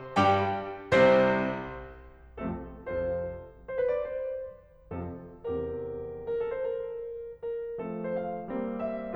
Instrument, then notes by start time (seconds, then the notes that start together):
piano
0.16 G2 G3 G4 G5
0.92 C2 C3 C4 C5
2.24 F2 C3 F3 A3 C4 F4 A4
2.58 F2 C3 F3 C4 F4 A4 C5
3.58 C5
3.69 B4
3.81 D5
3.94 C5
4.93 F2 C3 F3 C4 F4 A4
5.33 E2 C3 E3 C4 G4 A#4
6.33 A#4
6.43 A4
6.54 C5
6.64 A#4
7.45 A#4
7.79 F3 A3 C4 A4
8.02 C5
8.15 F5
8.46 G3 A#3 C4
8.81 E5